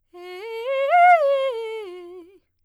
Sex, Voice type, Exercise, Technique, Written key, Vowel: female, soprano, arpeggios, fast/articulated piano, F major, e